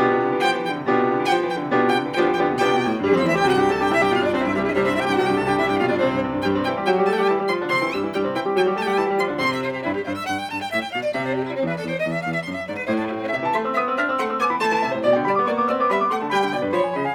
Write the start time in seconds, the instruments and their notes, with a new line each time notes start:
0.00 piano B2 B3 D4 F4 G4
0.10 piano C3
0.21 piano D3
0.33 piano E3
0.37 violin F#5
0.43 piano F3, violin G5
0.57 piano E3
0.67 piano D3, violin G5
0.78 piano C3
0.88 piano B2 B3 D4 F4 G4
0.94 piano C3
1.03 piano D3
1.14 piano E3
1.20 violin F#5
1.27 piano F3, violin G5
1.43 piano E3
1.56 piano D3, violin G5
1.65 piano C3
1.74 piano B2 B3 D4 F4 G4
1.85 piano C3
1.90 violin F#5
1.95 piano D3 B3 D4 F4 G4, violin G5
2.05 piano E3
2.16 piano F3 B3 D4 F4 G4, violin G5
2.25 piano E3
2.39 piano D3 B3 D4 F4 G4, violin G5
2.47 piano C3
2.57 piano B2 B3 D4 F4 G4, violin G5
2.68 piano C3
2.79 piano B2
2.89 piano A2
3.00 piano G2 G3, violin G4
3.10 piano F2 C4, violin C5
3.24 piano E2 E4, violin E5
3.34 piano D2 G4, violin G5
3.46 piano C2 C3 F#4, violin F#5
3.59 piano G2 G4, violin G5
3.69 piano C2 C3 A4, violin A5
3.80 piano G2 G4, violin G5
3.90 piano C2 C3 E4, violin E5
4.01 piano G2 G4, violin G5
4.11 piano C2 C3 F4, violin F5
4.21 piano G2 D4, violin D5
4.33 piano C2 C3 C4, violin C5
4.44 piano G2 E4, violin E5
4.54 piano C2 C3 G3, violin G4
4.63 piano G2 E4, violin E5
4.73 piano C2 C3 G3, violin G4
4.83 piano G2 C4, violin C5
4.93 piano C2 C3 E4, violin E5
5.06 piano G2 G4, violin G5
5.17 piano C2 C3 F#4, violin F#5
5.26 piano G2 G4, violin G5
5.35 piano C2 C3 A4, violin A5
5.47 piano G2 G4, violin G5
5.57 piano C2 C3 E4, violin E5
5.68 piano G2 G4, violin G5
5.78 piano C2 C3 F4, violin F5
5.90 piano G2 D4, violin D5
6.00 piano C2 C3 C4, violin C5
6.11 piano G2
6.21 piano C2 C3
6.42 piano G2 G3, violin G5
6.51 piano C3 C4
6.64 piano E3 E4, violin G5
6.76 piano G3 G4
6.90 piano F#3 F#4, violin G5
6.99 piano G3 G4
7.08 piano A3 A4, violin G5 A5
7.15 piano G3 G4, violin F#5 G5
7.23 violin G5
7.29 piano E3 E4, violin A5
7.40 piano G3 G4
7.50 piano F3 F4, violin B5
7.60 piano D3 D4
7.71 piano C3 C4, violin C6
7.81 piano E3 E4
7.92 piano G2 G3, violin E6
8.02 piano E3 E4
8.13 piano G2 G3, violin G5
8.23 piano C3 C4
8.35 piano E3 E4, violin G5
8.50 piano G3 G4
8.59 piano F#3 F#4, violin G5
8.71 piano G3 G4
8.80 piano A3 A4, violin G5 A5
8.85 piano G3 G4, violin F#5 G5
8.93 violin G5
8.99 piano E3 E4, violin A5
9.07 piano G3 G4
9.17 piano F3 F4, violin B5
9.28 piano D3 D4
9.38 piano C3 C4, violin C6
9.50 violin E5
9.61 violin C5
9.72 violin G4
9.82 piano G2, violin E4
9.93 violin G4
10.03 piano G2, violin C5
10.14 violin E5
10.23 piano G2, violin F#5
10.33 violin G5
10.44 piano G2, violin A5
10.57 violin G5
10.69 piano A2, violin E5
10.80 violin G5
10.90 piano B2, violin F5
10.99 violin D5
11.09 piano C3, violin E5
11.19 violin C5
11.30 violin G4
11.40 violin E4
11.51 piano E2, violin C4
11.61 violin E4
11.71 piano E2, violin A4
11.82 violin C5
11.92 piano E2, violin D#5
12.03 violin E5
12.17 piano E2, violin F5
12.27 violin E5
12.40 piano F#2, violin C5
12.50 violin E5
12.61 piano G2, violin D5
12.71 violin B4
12.83 piano A2, violin C5
12.96 violin A4
13.07 violin E4
13.18 violin C4
13.29 piano C3 E5, violin E5
13.41 piano E3 A5
13.53 piano A3 C6, violin E5
13.63 piano C4 E6
13.75 piano B3 D#6, violin E5
13.85 piano C4 E6
13.96 piano D4 F6, violin E5
14.07 piano C4 E6
14.18 piano A3 C6, violin F#5
14.28 piano C4 E6
14.40 piano B3 D6, violin G#5
14.48 piano E3 B5
14.58 piano A3 C6, violin A5
14.69 piano E3 A5
14.80 piano C3 E5
14.91 piano A2 C5
15.02 piano B2 D5, violin D5
15.14 piano D3 G5
15.26 piano G3 B5, violin D5
15.36 piano B3 D6
15.48 piano A#3 C#6, violin D5
15.60 piano B3 D6
15.72 piano C4 E6, violin D5
15.82 piano B3 D6
15.91 piano G3 B5, violin E5
16.00 piano B3 D6
16.09 piano A3 C6, violin F#5
16.20 piano B2 A5
16.30 piano G3 B5, violin G5
16.39 piano D3 G5
16.53 piano B2 D5
16.64 piano G2 B4
16.73 piano F3 B5, violin C#5
16.82 piano G#5
16.94 piano C#3 B5, violin D#5
17.04 violin F5, piano G#5